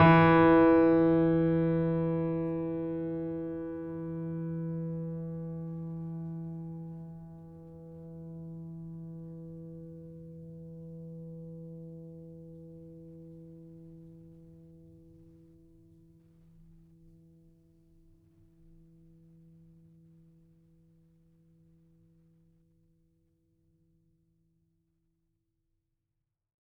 <region> pitch_keycenter=52 lokey=52 hikey=53 volume=0.561674 lovel=0 hivel=65 locc64=65 hicc64=127 ampeg_attack=0.004000 ampeg_release=0.400000 sample=Chordophones/Zithers/Grand Piano, Steinway B/Sus/Piano_Sus_Close_E3_vl2_rr1.wav